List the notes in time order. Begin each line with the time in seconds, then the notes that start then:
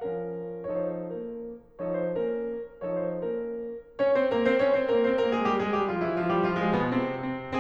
0.01 F3 C#4 F4 A#4
0.73 F3 D#4 A4 C#5
0.86 C5
1.18 A#3 C#4 A#4
1.79 F3 D#4 A4 C#5
2.01 C5
2.20 A#3 C#4 A#4
2.86 F3 D#4 A4 C#5
3.06 C5
3.28 A#3 C#4 A#4
3.99 C#4 C#5
4.16 C4 C5
4.31 A#3 A#4
4.48 C4 C5
4.64 C#4 C#5
4.77 C4 C5
4.92 A#3 A#4
5.06 C4 C5
5.22 A#3 A#4
5.33 G#3 G#4
5.45 G3 G4
5.60 G#3 G#4
5.74 G3 G4
5.89 F3 F4
6.08 E3 E4
6.18 F3 F4
6.32 G3 G4
6.41 F3 F4
6.58 G#3 G#4
6.75 B2 B3
6.91 C3 C4
7.19 C4